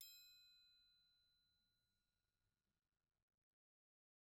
<region> pitch_keycenter=60 lokey=60 hikey=60 volume=32.122648 offset=184 lovel=0 hivel=83 seq_position=1 seq_length=2 ampeg_attack=0.004000 ampeg_release=30.000000 sample=Idiophones/Struck Idiophones/Triangles/Triangle1_Hit_v1_rr1_Mid.wav